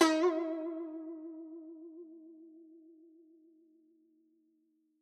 <region> pitch_keycenter=63 lokey=63 hikey=64 volume=8.167113 lovel=84 hivel=127 ampeg_attack=0.004000 ampeg_release=0.300000 sample=Chordophones/Zithers/Dan Tranh/Vibrato/D#3_vib_ff_1.wav